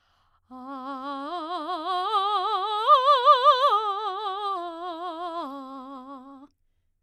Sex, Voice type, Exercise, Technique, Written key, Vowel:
female, soprano, arpeggios, slow/legato forte, C major, a